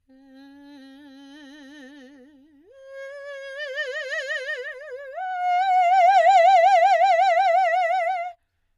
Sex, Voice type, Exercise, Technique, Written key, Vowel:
female, soprano, long tones, trill (upper semitone), , e